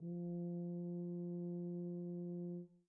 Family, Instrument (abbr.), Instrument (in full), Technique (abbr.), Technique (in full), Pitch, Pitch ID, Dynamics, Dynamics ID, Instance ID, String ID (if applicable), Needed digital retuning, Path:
Brass, BTb, Bass Tuba, ord, ordinario, F3, 53, pp, 0, 0, , FALSE, Brass/Bass_Tuba/ordinario/BTb-ord-F3-pp-N-N.wav